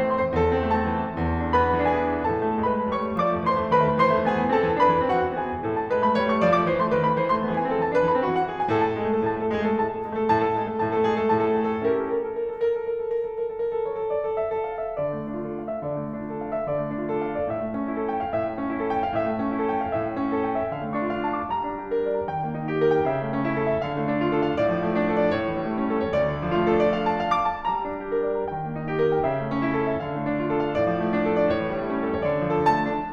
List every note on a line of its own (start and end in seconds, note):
0.00 0.23 C4
0.00 0.23 C5
0.12 0.35 E3
0.12 0.35 C6
0.23 0.56 C4
0.23 0.56 C5
0.36 0.71 A2
0.36 1.60 A4
0.56 0.87 C4
0.72 1.02 A3
0.72 1.60 A5
0.87 1.14 C4
1.03 1.30 E3
1.15 1.44 C4
1.30 1.60 E2
1.46 1.74 D4
1.60 1.90 B3
1.60 1.90 B4
1.60 1.90 B5
1.75 2.09 D4
1.92 2.26 E3
1.92 2.26 G#4
1.92 2.26 G#5
2.09 2.43 D4
2.28 2.61 A2
2.28 2.61 A4
2.28 2.61 A5
2.43 2.79 A3
2.62 2.93 G#3
2.62 2.93 B4
2.62 2.93 B5
2.79 3.05 A3
2.93 3.20 G3
2.93 3.20 C#5
2.93 3.20 C#6
3.07 3.36 A3
3.20 3.49 F3
3.20 3.49 D5
3.20 3.49 D6
3.37 3.65 A3
3.51 3.76 E3
3.51 3.76 C5
3.51 3.76 C6
3.65 3.90 A3
3.77 3.98 D#3
3.77 3.98 B4
3.77 3.98 B5
3.90 4.11 A3
3.98 4.27 E3
3.98 4.27 C5
3.98 4.27 C6
4.12 4.38 A3
4.27 4.53 B3
4.27 4.53 G#4
4.27 4.53 G#5
4.39 4.64 E3
4.53 4.81 C4
4.53 4.81 A4
4.53 4.81 A5
4.66 4.96 E3
4.82 5.10 D4
4.82 5.10 B4
4.82 5.10 B5
4.96 5.28 E3
5.11 5.41 C4
5.11 5.41 F#4
5.11 5.41 F#5
5.28 5.55 E3
5.41 5.68 B3
5.41 5.68 G#4
5.41 5.68 G#5
5.55 5.75 E3
5.68 5.89 A2
5.68 5.89 A4
5.76 6.01 A3
5.76 6.01 A5
5.89 6.16 G#3
5.89 6.16 B4
6.03 6.28 A3
6.03 6.28 B5
6.16 6.41 G3
6.16 6.41 C#5
6.28 6.56 A3
6.28 6.56 C#6
6.42 6.69 F3
6.42 6.69 D5
6.56 6.83 A3
6.56 6.83 D6
6.70 6.95 E3
6.70 6.95 C5
6.83 7.06 A3
6.83 7.06 C6
6.95 7.19 D#3
6.95 7.19 B4
7.06 7.28 A3
7.06 7.28 B5
7.19 7.41 E3
7.19 7.41 C5
7.28 7.55 A3
7.28 7.55 C6
7.41 7.69 B3
7.41 7.69 G#4
7.55 7.83 E3
7.55 7.83 G#5
7.70 7.96 C4
7.70 7.96 A4
7.83 8.09 E3
7.83 8.09 A5
7.98 8.24 D4
7.98 8.24 B4
8.09 8.37 E3
8.09 8.37 B5
8.24 8.49 C4
8.24 8.49 F#4
8.38 8.60 E3
8.38 8.60 F#5
8.49 8.72 B3
8.49 8.72 G#4
8.61 8.86 E3
8.61 8.86 G#5
8.72 9.01 A2
8.72 9.01 A4
8.86 9.13 A3
8.86 9.13 A5
9.02 9.25 G#3
9.02 9.25 G#4
9.13 9.39 A3
9.13 9.39 A4
9.25 9.53 A2
9.25 9.53 A5
9.39 9.69 A3
9.39 9.69 A4
9.53 9.82 G#3
9.53 9.82 G#4
9.71 9.96 A3
9.71 9.96 A4
9.82 10.07 A2
9.82 10.07 A5
9.96 10.21 A3
9.96 10.21 A4
10.07 10.32 G#3
10.07 10.32 G#4
10.21 10.46 A3
10.21 10.46 A4
10.32 10.59 A2
10.32 10.59 A5
10.46 10.74 A3
10.46 10.74 A4
10.60 10.80 G#3
10.60 10.80 G#4
10.74 10.90 A3
10.74 10.90 A4
10.80 11.02 A2
10.80 11.02 A5
10.91 11.16 A3
10.91 11.16 A4
11.02 11.27 G#3
11.02 11.27 G#4
11.17 11.44 A3
11.17 11.44 A4
11.27 11.62 A2
11.27 11.62 A5
11.44 11.78 A3
11.44 11.78 A4
11.63 11.89 G#3
11.63 11.89 G#4
11.78 12.04 A3
11.78 12.04 A4
11.90 12.20 C#4
11.90 12.20 E4
11.90 12.20 G4
11.90 12.20 A#4
12.05 12.33 A4
12.21 12.48 A#4
12.34 12.57 A4
12.48 12.70 A#4
12.57 12.81 A4
12.70 12.85 A#4
12.81 12.93 A4
12.86 13.07 A#4
12.95 13.20 A4
13.08 13.34 A#4
13.21 13.50 A4
13.35 13.61 A#4
13.50 13.73 A4
13.61 13.85 A#4
13.73 13.94 A4
13.85 14.09 C#5
13.94 14.25 A4
14.11 14.37 D5
14.26 14.54 A4
14.38 14.68 E5
14.54 14.85 A4
14.68 15.00 F5
14.85 15.13 E5
15.00 15.28 D3
15.00 15.28 D5
15.13 15.81 A3
15.28 15.53 D4
15.42 15.69 F4
15.42 15.69 A4
15.56 15.81 F5
15.70 15.99 E5
15.82 16.13 D3
15.82 16.13 D5
16.00 16.68 A3
16.13 16.40 D4
16.27 16.53 F4
16.27 16.53 A4
16.40 16.68 F5
16.53 16.85 E5
16.70 16.99 D3
16.70 16.99 D5
16.86 17.50 A3
17.00 17.26 D4
17.15 17.43 F4
17.15 17.43 A4
17.28 17.50 F5
17.43 17.66 D5
17.50 17.81 A2
17.50 17.81 E5
17.66 18.38 A3
17.81 18.10 C#4
17.96 18.23 E4
17.96 18.23 A4
18.10 18.38 G5
18.24 18.49 F5
18.39 18.59 A2
18.39 18.59 E5
18.49 19.21 A3
18.60 18.90 C#4
18.74 19.06 E4
18.74 19.06 A4
18.90 19.21 G5
19.06 19.30 F5
19.21 19.45 A2
19.21 19.45 E5
19.31 19.95 A3
19.46 19.73 C#4
19.61 19.88 E4
19.61 19.88 A4
19.74 19.95 G5
19.89 20.07 F5
19.95 20.19 A2
19.95 20.19 E5
20.07 20.70 A3
20.19 20.43 C#4
20.33 20.55 E4
20.33 20.55 A4
20.45 20.70 G5
20.56 20.83 E5
20.71 20.94 D3
20.71 20.94 F5
20.84 21.50 A3
20.96 21.26 D4
21.11 21.41 F4
21.11 21.41 D5
21.26 21.50 A5
21.41 21.64 D6
21.50 22.27 G3
21.50 21.76 A#5
21.65 22.27 D4
21.76 22.27 G4
21.92 22.19 A#4
22.09 22.27 D5
22.20 22.42 A#5
22.28 23.09 D#3
22.28 22.55 G5
22.42 23.09 A#3
22.55 23.09 D#4
22.70 22.95 G4
22.85 23.09 A#4
22.96 23.29 G5
23.10 23.82 C#3
23.10 23.44 E5
23.30 23.82 A3
23.45 23.82 C#4
23.57 23.68 E4
23.63 23.82 A4
23.68 23.96 E5
23.82 24.62 D3
23.82 24.07 F5
23.96 24.62 A3
24.08 24.62 D4
24.24 24.46 F4
24.39 24.62 A4
24.46 24.75 F5
24.64 25.32 A2
24.64 24.88 D5
24.75 25.32 F3
24.88 25.32 A3
25.04 25.25 D4
25.16 25.32 A4
25.26 25.46 D5
25.33 26.16 A2
25.33 25.57 C#5
25.47 26.16 E3
25.58 26.16 G3
25.73 26.16 A3
25.73 25.99 C#4
25.88 26.16 A4
25.99 26.31 C#5
26.16 26.45 D2
26.16 26.45 D5
26.31 26.59 D3
26.46 26.70 F3
26.59 26.78 A3
26.70 26.92 D4
26.70 26.92 F4
26.80 27.07 A4
26.94 27.21 D5
27.09 27.34 F5
27.21 27.49 A5
27.34 27.59 F5
27.49 27.74 D6
27.59 27.90 A5
27.75 28.51 G3
27.75 28.00 A#5
27.91 28.51 D4
28.01 28.51 G4
28.17 28.41 A#4
28.31 28.51 D5
28.41 28.64 A#5
28.51 29.25 D#3
28.51 28.78 G5
28.64 29.25 A#3
28.78 29.25 D#4
28.86 29.15 G4
29.01 29.25 A#4
29.16 29.40 G5
29.26 30.01 C#3
29.26 29.55 E5
29.41 30.01 A3
29.55 30.01 C#4
29.72 29.94 E4
29.80 30.01 A4
29.94 30.13 E5
30.02 30.78 D3
30.02 30.28 F5
30.14 30.78 A3
30.29 30.78 D4
30.41 30.62 F4
30.51 30.78 A4
30.63 30.92 F5
30.78 31.51 A2
30.78 31.05 D5
30.92 31.51 F3
31.05 31.51 A3
31.21 31.36 D4
31.31 31.51 A4
31.37 31.67 D5
31.52 32.26 A2
31.52 31.81 C#5
31.68 32.26 E3
31.82 32.26 G3
31.92 32.26 A3
31.92 32.17 C#4
32.06 32.26 A4
32.17 32.40 C#5
32.26 32.55 D2
32.26 32.55 D5
32.42 32.72 F3
32.50 32.64 A4
32.57 32.87 A3
32.57 33.13 A5
32.73 33.00 D4